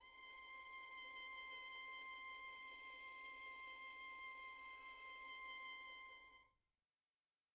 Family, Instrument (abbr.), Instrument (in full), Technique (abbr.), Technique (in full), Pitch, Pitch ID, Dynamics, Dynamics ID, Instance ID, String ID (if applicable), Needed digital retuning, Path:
Strings, Vn, Violin, ord, ordinario, C6, 84, pp, 0, 2, 3, TRUE, Strings/Violin/ordinario/Vn-ord-C6-pp-3c-T14d.wav